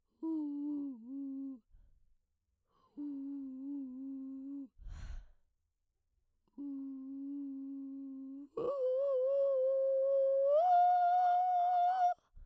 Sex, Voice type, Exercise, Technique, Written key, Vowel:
female, soprano, long tones, inhaled singing, , u